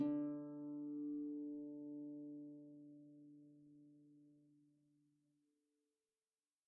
<region> pitch_keycenter=50 lokey=50 hikey=51 volume=23.936936 xfout_lovel=70 xfout_hivel=100 ampeg_attack=0.004000 ampeg_release=30.000000 sample=Chordophones/Composite Chordophones/Folk Harp/Harp_Normal_D2_v2_RR1.wav